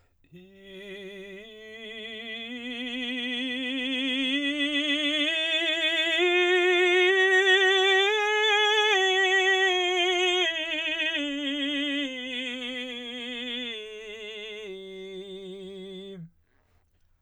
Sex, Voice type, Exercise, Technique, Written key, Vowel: male, baritone, scales, slow/legato forte, F major, i